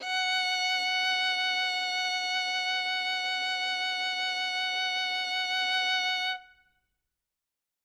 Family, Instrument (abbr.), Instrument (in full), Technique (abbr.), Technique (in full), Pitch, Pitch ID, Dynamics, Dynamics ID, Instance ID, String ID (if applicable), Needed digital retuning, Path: Strings, Vn, Violin, ord, ordinario, F#5, 78, ff, 4, 2, 3, FALSE, Strings/Violin/ordinario/Vn-ord-F#5-ff-3c-N.wav